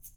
<region> pitch_keycenter=66 lokey=66 hikey=66 volume=20.050183 seq_position=1 seq_length=2 ampeg_attack=0.004000 ampeg_release=30.000000 sample=Idiophones/Struck Idiophones/Shaker, Small/Mid_ShakerLowFaster_Down_rr1.wav